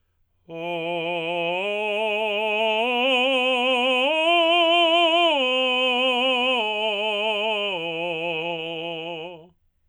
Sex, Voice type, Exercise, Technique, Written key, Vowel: male, tenor, arpeggios, slow/legato forte, F major, o